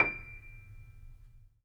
<region> pitch_keycenter=98 lokey=98 hikey=99 volume=2.195279 lovel=0 hivel=65 locc64=0 hicc64=64 ampeg_attack=0.004000 ampeg_release=0.400000 sample=Chordophones/Zithers/Grand Piano, Steinway B/NoSus/Piano_NoSus_Close_D7_vl2_rr1.wav